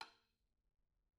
<region> pitch_keycenter=61 lokey=61 hikey=61 volume=24.535157 offset=240 lovel=0 hivel=83 seq_position=2 seq_length=2 ampeg_attack=0.004000 ampeg_release=30.000000 sample=Membranophones/Struck Membranophones/Tom 1/TomH_rimS_v2_rr2_Mid.wav